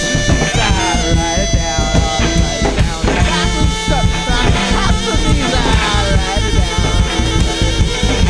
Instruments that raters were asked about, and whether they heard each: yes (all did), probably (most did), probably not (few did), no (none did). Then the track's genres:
cymbals: probably
Rock